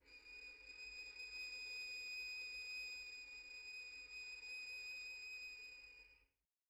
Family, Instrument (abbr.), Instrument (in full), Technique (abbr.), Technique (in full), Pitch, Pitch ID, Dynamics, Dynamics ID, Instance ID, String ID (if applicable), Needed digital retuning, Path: Strings, Vn, Violin, ord, ordinario, D#7, 99, pp, 0, 0, 1, TRUE, Strings/Violin/ordinario/Vn-ord-D#7-pp-1c-T16d.wav